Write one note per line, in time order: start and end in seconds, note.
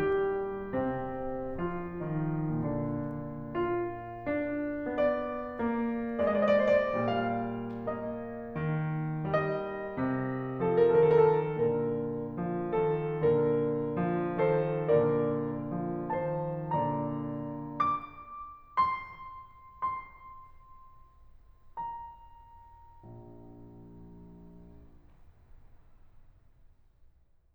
0.00 0.84 G3
0.00 0.84 G4
0.85 1.59 C3
0.85 1.59 C4
1.60 1.97 F3
1.60 1.97 F4
1.99 2.52 D#3
1.99 2.52 D#4
2.53 6.93 A#2
2.53 3.52 D3
2.53 3.52 D4
3.53 4.24 F4
4.26 4.86 D4
4.88 5.60 B3
4.88 6.23 D5
5.61 6.23 A#3
6.25 6.93 G#3
6.25 6.36 D5
6.33 6.49 D#5
6.41 6.56 D5
6.50 6.64 D#5
6.58 6.72 D5
6.66 6.79 D#5
6.75 6.86 C5
6.83 6.93 D5
6.94 11.40 A#2
6.94 7.69 G3
6.94 7.69 F5
7.71 8.49 A#3
7.71 8.49 D#5
8.50 9.28 D#3
9.29 10.05 G3
9.29 10.69 D#5
10.09 10.69 C3
10.69 11.08 F3
10.69 10.84 A4
10.77 10.96 A#4
10.91 11.05 A4
11.01 11.16 A#4
11.09 11.40 D#3
11.09 11.22 A4
11.18 11.31 A#4
11.25 11.40 G4
11.33 11.40 A4
11.40 13.26 A#2
11.40 12.39 D3
11.40 12.39 A#4
12.41 12.83 F3
12.84 13.26 D#3
12.84 13.26 A4
13.26 14.98 A#2
13.26 14.13 D3
13.26 14.13 A#4
14.14 14.55 F3
14.56 14.98 D#3
14.56 14.98 A4
14.56 14.98 C5
15.00 16.71 A#2
15.00 15.79 D3
15.00 15.79 A#4
15.00 15.79 D5
15.81 16.28 F3
16.30 16.71 D#3
16.30 16.71 C5
16.30 16.71 A5
16.73 17.77 A#2
16.73 17.77 D3
16.73 17.77 D5
16.73 17.77 A#5
17.80 18.77 D6
18.78 19.06 C6
19.11 21.76 C6
21.77 23.05 A#5
23.07 24.56 A#1